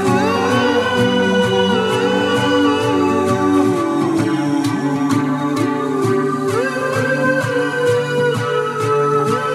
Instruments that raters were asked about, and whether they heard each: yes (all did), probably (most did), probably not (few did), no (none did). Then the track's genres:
flute: probably not
Psych-Folk; Singer-Songwriter